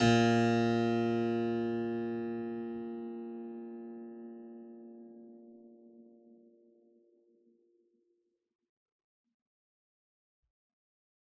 <region> pitch_keycenter=46 lokey=46 hikey=46 volume=-1.798780 trigger=attack ampeg_attack=0.004000 ampeg_release=0.400000 amp_veltrack=0 sample=Chordophones/Zithers/Harpsichord, Unk/Sustains/Harpsi4_Sus_Main_A#1_rr1.wav